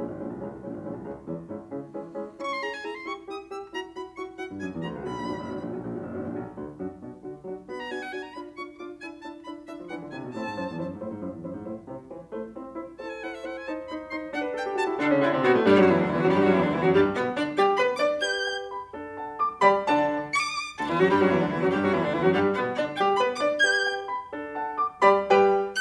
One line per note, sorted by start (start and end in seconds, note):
0.00 0.10 A#1
0.00 0.22 G#3
0.00 0.22 C#4
0.00 0.22 E4
0.12 0.22 G#1
0.22 0.33 A#1
0.22 0.44 G#3
0.22 0.44 C#4
0.22 0.44 E4
0.34 0.44 C2
0.44 0.56 C#2
0.44 0.65 G#3
0.44 0.65 C#4
0.44 0.65 E4
0.56 0.65 C2
0.66 0.75 A#1
0.66 0.84 G#3
0.66 0.84 C#4
0.66 0.84 E4
0.75 0.84 G#1
0.85 0.94 A#1
0.85 1.06 G#3
0.85 1.06 C#4
0.85 1.06 E4
0.94 1.06 C2
1.06 1.24 C#2
1.06 1.24 G#3
1.06 1.24 C#4
1.06 1.24 E4
1.24 1.44 E2
1.24 1.44 G#3
1.24 1.44 C#4
1.24 1.44 E4
1.44 1.64 G#2
1.44 1.64 G#3
1.44 1.64 C#4
1.44 1.64 E4
1.65 1.92 C#3
1.65 1.92 G#3
1.65 1.92 C#4
1.65 1.92 E4
1.92 2.11 E3
1.92 2.11 G#3
1.92 2.11 C#4
1.92 2.11 E4
2.11 2.32 G#3
2.11 2.32 C#4
2.11 2.32 E4
2.32 2.82 C#4
2.32 2.62 E4
2.32 2.51 C#6
2.51 2.64 C6
2.64 2.82 E4
2.64 2.82 G#4
2.64 2.73 A#5
2.73 2.83 G#5
2.83 3.02 E4
2.83 3.02 G#4
2.83 2.91 A#5
2.91 3.02 C6
3.02 3.20 E4
3.02 3.20 G4
3.02 3.16 C#6
3.20 3.39 E4
3.20 3.39 G4
3.20 3.36 D#6
3.40 3.63 E4
3.40 3.63 G4
3.40 3.58 E6
3.65 3.87 E4
3.65 3.87 F#4
3.65 3.78 A#5
3.87 4.08 E4
3.87 4.08 F#4
3.87 4.03 B5
4.08 4.41 E4
4.08 4.41 F#4
4.08 4.37 C#6
4.41 4.63 E4
4.41 4.63 F#4
4.41 4.59 F#5
4.54 4.63 G2
4.66 4.75 F#2
4.66 4.85 E4
4.66 4.85 F#4
4.66 4.79 G#5
4.75 4.85 E2
4.85 4.95 D2
4.85 5.06 E4
4.85 5.06 F#4
4.85 4.99 A#5
4.95 5.06 C#2
5.06 5.15 B1
5.06 5.26 D4
5.06 5.26 F#4
5.06 5.47 B5
5.17 5.26 A#1
5.26 5.38 G#1
5.26 5.47 D4
5.26 5.47 F#4
5.38 5.47 F#1
5.48 5.58 G#1
5.48 5.68 D4
5.48 5.68 F#4
5.58 5.68 A#1
5.69 5.77 B1
5.69 5.89 D4
5.69 5.89 F#4
5.77 5.89 A#1
5.89 6.03 G#1
5.89 6.13 D4
5.89 6.13 F#4
6.04 6.13 F#1
6.13 6.22 G#1
6.13 6.33 D4
6.13 6.33 F#4
6.22 6.33 A#1
6.33 6.51 B1
6.33 6.51 D4
6.33 6.51 F#4
6.54 6.78 D2
6.54 6.78 D4
6.54 6.78 F#4
6.78 7.05 F#2
6.78 7.05 D4
6.78 7.05 F#4
7.05 7.24 B2
7.05 7.24 D4
7.05 7.24 F#4
7.24 7.44 D3
7.24 7.44 D4
7.24 7.44 F#4
7.45 7.65 F#3
7.45 7.65 D4
7.45 7.65 F#4
7.66 8.02 B3
7.66 7.85 D4
7.66 7.85 F#4
7.66 7.74 B5
7.74 7.85 A#5
7.85 8.02 D4
7.85 8.02 F#4
7.85 7.93 G#5
7.93 8.02 F#5
8.02 8.23 D4
8.02 8.23 F#4
8.02 8.14 G#5
8.14 8.24 A#5
8.24 8.41 D4
8.24 8.41 F4
8.24 8.38 B5
8.42 8.66 D4
8.42 8.66 F4
8.42 8.60 C#6
8.66 8.89 D4
8.66 8.89 F4
8.66 8.85 D6
8.89 9.09 D4
8.89 9.09 E4
8.89 9.04 G#5
9.09 9.32 D4
9.09 9.32 E4
9.09 9.28 A5
9.35 9.71 D4
9.35 9.71 E4
9.35 9.58 B5
9.71 9.90 D4
9.71 9.90 E4
9.71 9.85 E5
9.80 9.90 F3
9.90 10.00 E3
9.90 10.14 D4
9.90 10.14 E4
9.90 10.08 F#5
10.03 10.14 D3
10.14 10.24 C3
10.14 10.34 D4
10.14 10.34 E4
10.14 10.29 G#5
10.24 10.34 B2
10.36 10.45 A2
10.36 10.54 C4
10.36 10.54 E4
10.36 10.81 A5
10.45 10.54 G#2
10.55 10.69 F#2
10.55 10.81 E4
10.55 10.81 C5
10.69 10.81 E2
10.81 10.90 F#2
10.81 11.01 E4
10.81 11.01 C5
10.91 11.01 G#2
11.01 11.10 A2
11.01 11.22 E4
11.01 11.22 C5
11.11 11.22 G#2
11.22 11.32 F#2
11.22 11.44 E4
11.22 11.44 C5
11.32 11.44 E2
11.45 11.54 F#2
11.45 11.66 E4
11.45 11.66 C5
11.54 11.66 G#2
11.66 11.88 A2
11.66 11.88 E4
11.66 11.88 C5
11.88 12.12 C3
11.88 12.12 E4
11.88 12.12 C5
12.12 12.32 E3
12.12 12.32 E4
12.12 12.32 C5
12.33 12.53 A3
12.33 12.53 E4
12.33 12.53 C5
12.54 12.81 C4
12.54 12.81 E4
12.54 12.81 C5
12.81 13.03 E4
12.81 13.03 C5
13.03 13.41 A4
13.03 13.21 C5
13.03 13.13 A5
13.13 13.21 G#5
13.21 13.41 E4
13.21 13.41 C5
13.21 13.32 F#5
13.32 13.42 E5
13.42 13.60 E4
13.42 13.60 C5
13.42 13.53 F#5
13.53 13.60 G#5
13.60 13.79 D#4
13.60 13.79 C5
13.60 13.73 A5
13.79 14.00 D#4
13.79 14.00 C5
13.79 13.94 B5
14.00 14.27 D#4
14.00 14.27 C5
14.00 14.19 C6
14.28 14.47 D4
14.28 14.47 C5
14.28 14.51 F#5
14.47 14.56 B4
14.57 14.68 A4
14.57 14.72 G5
14.68 14.78 G4
14.78 14.87 F#4
14.78 14.92 A5
14.88 14.97 E4
14.97 15.09 D3
14.97 15.09 D4
14.97 15.14 D4
15.09 15.21 C#3
15.09 15.21 C#4
15.22 15.33 D3
15.22 15.33 D4
15.22 15.38 E4
15.33 15.45 C3
15.33 15.45 C4
15.46 15.57 B2
15.46 15.57 B3
15.46 15.63 F#4
15.57 15.70 A2
15.57 15.70 A3
15.70 15.79 G2
15.70 15.79 G3
15.70 15.80 G4
15.80 15.91 F#2
15.80 15.91 F#3
15.80 15.91 F#4
15.91 16.00 E2
15.91 16.00 E3
15.91 16.02 E4
16.02 16.11 D2
16.02 16.11 D3
16.02 16.11 D4
16.11 16.22 E2
16.11 16.22 E3
16.11 16.22 E4
16.22 16.32 F#2
16.22 16.32 F#3
16.22 16.34 F#4
16.34 16.43 G2
16.34 16.43 G3
16.34 16.43 G4
16.43 16.53 F#2
16.43 16.53 F#3
16.43 16.53 F#4
16.53 16.63 E2
16.53 16.63 E3
16.53 16.63 E4
16.63 16.74 D2
16.63 16.74 D3
16.63 16.74 D4
16.74 16.85 E2
16.74 16.85 E3
16.74 16.86 E4
16.86 16.96 F#2
16.86 16.96 F#3
16.86 16.96 F#4
16.96 17.17 G2
16.96 17.17 G3
16.96 17.11 G4
17.18 17.38 B2
17.18 17.38 B3
17.18 17.33 B4
17.39 17.59 D3
17.39 17.59 D4
17.39 17.53 D5
17.59 17.80 G3
17.59 17.80 G4
17.59 17.75 G5
17.80 18.00 B3
17.80 18.00 B4
17.80 17.95 B5
18.00 18.22 D4
18.00 18.22 D5
18.00 18.16 D6
18.22 18.70 G4
18.22 18.70 B4
18.22 18.70 G6
18.45 18.70 G5
18.72 18.97 B5
18.97 19.41 D4
18.97 19.41 A4
19.21 19.41 F#5
19.21 19.41 A5
19.41 19.62 D6
19.63 19.89 G3
19.63 19.89 G4
19.63 19.89 D5
19.63 19.89 G5
19.63 19.89 B5
19.90 20.13 D3
19.90 20.13 D4
19.90 20.13 D5
19.90 20.13 F#5
19.90 20.13 A5
20.33 20.40 C#6
20.40 20.77 D6
20.78 20.90 D2
20.78 20.90 D3
20.78 20.90 D4
20.90 21.00 E2
20.90 21.00 E3
20.90 21.00 E4
21.00 21.10 F#2
21.00 21.10 F#3
21.00 21.10 F#4
21.11 21.20 G2
21.11 21.20 G3
21.11 21.20 G4
21.20 21.29 F#2
21.20 21.29 F#3
21.20 21.30 F#4
21.30 21.40 E2
21.30 21.40 E3
21.30 21.40 E4
21.40 21.49 D2
21.40 21.49 D3
21.40 21.49 D4
21.49 21.58 E2
21.49 21.58 E3
21.49 21.59 E4
21.59 21.69 F#2
21.59 21.69 F#3
21.59 21.69 F#4
21.69 21.78 G2
21.69 21.78 G3
21.69 21.79 G4
21.79 21.92 F#2
21.79 21.92 F#3
21.79 21.92 F#4
21.92 22.02 E2
21.92 22.02 E3
21.92 22.02 E4
22.02 22.12 D2
22.02 22.12 D3
22.02 22.13 D4
22.13 22.22 E2
22.13 22.22 E3
22.13 22.22 E4
22.22 22.35 F#2
22.22 22.35 F#3
22.22 22.35 F#4
22.35 22.58 G2
22.35 22.58 G3
22.35 22.51 G4
22.58 22.77 B2
22.58 22.77 B3
22.58 22.72 B4
22.77 23.00 D3
22.77 23.00 D4
22.77 22.94 D5
23.01 23.19 G3
23.01 23.19 G4
23.01 23.14 G5
23.20 23.39 B3
23.20 23.39 B4
23.20 23.35 B5
23.41 23.64 D4
23.41 23.64 D5
23.41 23.56 D6
23.64 24.11 G4
23.64 24.11 B4
23.64 24.11 G6
23.87 24.11 G5
24.11 24.32 B5
24.32 24.74 D4
24.32 24.74 A4
24.54 24.74 F#5
24.54 24.74 A5
24.75 25.02 D6
25.03 25.34 G3
25.03 25.34 G4
25.03 25.34 D5
25.03 25.34 B5
25.36 25.59 G3
25.36 25.59 G4
25.36 25.59 B4
25.36 25.59 G5
25.75 25.81 F#6